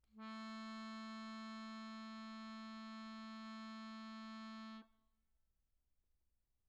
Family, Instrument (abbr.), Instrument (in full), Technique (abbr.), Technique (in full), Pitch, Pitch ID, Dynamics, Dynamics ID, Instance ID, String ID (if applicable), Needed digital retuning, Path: Keyboards, Acc, Accordion, ord, ordinario, A3, 57, pp, 0, 2, , FALSE, Keyboards/Accordion/ordinario/Acc-ord-A3-pp-alt2-N.wav